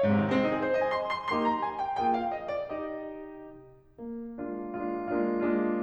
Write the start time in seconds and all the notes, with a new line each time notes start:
0.01 G#2
0.12 C3
0.21 D#3
0.31 G#3 C4
0.41 D#4
0.51 G#4
0.63 C5
0.75 D#5
0.86 G#5
1.00 C6
1.15 C6
1.32 A#3 D#4 G4 C6
1.49 A#5
1.64 G#5
1.86 G5
2.00 A#3 F4 G#4 G5
2.16 F5
2.32 D#5
2.52 D5
2.69 D#4 G4 D#5
4.02 A#3
4.38 G#3 A#3 D4 F4
4.71 G#3 A#3 D4 F4
5.14 G#3 A#3 D4 F4
5.47 G#3 A#3 D4 F4